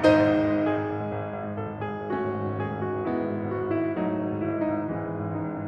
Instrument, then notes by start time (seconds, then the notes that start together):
piano
0.00 G#1 D#4 C5 D#5
0.14 G#2
0.27 G#1
0.50 G#2
0.59 G#1 G#4
0.74 G#2
0.84 G#1
1.01 G#2
1.18 G#1
1.29 G#2
1.39 G#1
1.50 G#2
1.63 G#1 A4
1.78 G#2
1.92 G#1 G#4
2.02 G#2
2.11 G#1 A3 C#4 F#4
2.25 G#2
2.35 G#1
2.46 G#2
2.59 G#1 G#4
2.71 G#2
2.89 G#1 F#4
3.00 G#2
3.08 G#1 G#3 B3 E4
3.17 G#2
3.27 G#1
3.34 G#2
3.44 G#1 F#4
3.56 G#2
3.67 G#1 E4
3.77 G#2
3.89 G#1 F#3 A3 D#4
3.98 G#2
4.11 G#1
4.27 G#2
4.40 G#1 E4
4.49 G#2
4.61 G#1 D#4
4.76 G#2
4.85 G#1 E3 G#3 C#4
4.98 G#2
5.07 G#1
5.17 G#2
5.32 G#1 D#4
5.42 G#2
5.51 G#1 C#4
5.58 G#2